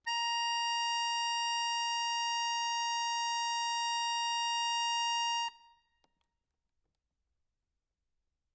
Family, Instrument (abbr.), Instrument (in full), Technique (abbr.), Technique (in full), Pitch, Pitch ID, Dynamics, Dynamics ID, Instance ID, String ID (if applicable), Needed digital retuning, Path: Keyboards, Acc, Accordion, ord, ordinario, A#5, 82, ff, 4, 1, , FALSE, Keyboards/Accordion/ordinario/Acc-ord-A#5-ff-alt1-N.wav